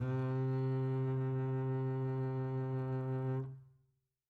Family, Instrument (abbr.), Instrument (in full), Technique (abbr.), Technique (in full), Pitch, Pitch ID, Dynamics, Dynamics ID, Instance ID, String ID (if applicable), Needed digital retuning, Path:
Strings, Cb, Contrabass, ord, ordinario, C3, 48, mf, 2, 3, 4, FALSE, Strings/Contrabass/ordinario/Cb-ord-C3-mf-4c-N.wav